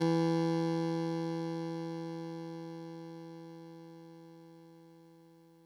<region> pitch_keycenter=40 lokey=39 hikey=42 tune=-2 volume=13.112409 lovel=66 hivel=99 ampeg_attack=0.004000 ampeg_release=0.100000 sample=Electrophones/TX81Z/Clavisynth/Clavisynth_E1_vl2.wav